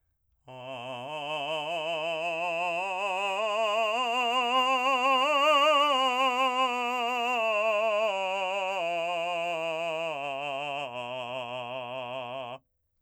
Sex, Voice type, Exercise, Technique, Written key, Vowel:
male, , scales, slow/legato forte, C major, a